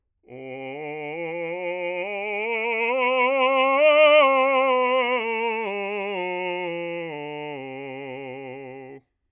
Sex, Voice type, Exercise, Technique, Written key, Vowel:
male, bass, scales, vibrato, , o